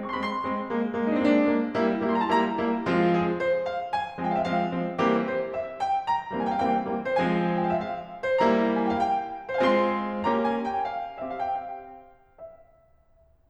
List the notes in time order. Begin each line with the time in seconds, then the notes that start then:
0.00 G#3 C4
0.12 C6 C#6
0.20 B5
0.26 G#3 C4 C6
0.53 G#3 C4
0.77 G#3 A#3
0.96 G#3 A#3
1.08 D4 D#4
1.13 C4
1.17 G#3 A#3 D4
1.37 G#3 A#3
1.66 G3 A#3 E4
1.99 G3 A#3 E4
2.12 C6
2.18 A#5
2.26 A5
2.31 G3 A#3 E4 A#5
2.61 G3 A#3 E4
2.90 F3 G#3 C4 F4
3.19 G#4
3.46 C5
3.65 F5
3.92 G#5
4.20 F3 G#3 C4
4.32 F5 G5
4.39 E5
4.43 F3 G#3 C4 F5
4.71 F3 G#3 C4
4.99 E3 G3 A#3 C4 G4
5.28 C5
5.56 E5
5.83 G5
6.04 A#5
6.30 E3 G3 A#3 C4
6.42 G#5
6.47 G5
6.52 F5
6.57 E3 G3 A#3 C4 G5
6.86 E3 G3 A#3 C4
7.14 F3 G#3 C4 C5
7.19 G#5
7.62 G5
7.69 F5
7.74 E5
7.79 F5
8.41 G3 A#3 E4 C5
8.46 A#5
8.94 G#5
8.99 G5
9.03 F5
9.08 G5
9.60 G#3 C4 F4 C5
9.66 F5
9.74 G#5
9.80 C6
10.31 A#3 C#4 G4 A#5
10.48 G#5
10.67 G5
10.88 F5
11.23 C4 G4 E5
11.32 F5
11.37 G5
11.42 F5
12.24 C4 G4 E5